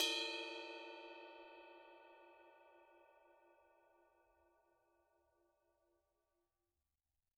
<region> pitch_keycenter=69 lokey=69 hikey=69 volume=22.699881 lovel=0 hivel=65 ampeg_attack=0.004000 ampeg_release=30 sample=Idiophones/Struck Idiophones/Suspended Cymbal 1/susCymb1_hit_bell_pp1.wav